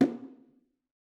<region> pitch_keycenter=64 lokey=64 hikey=64 volume=9.821489 offset=220 lovel=100 hivel=127 seq_position=1 seq_length=2 ampeg_attack=0.004000 ampeg_release=15.000000 sample=Membranophones/Struck Membranophones/Bongos/BongoL_HitMuted2_v3_rr1_Mid.wav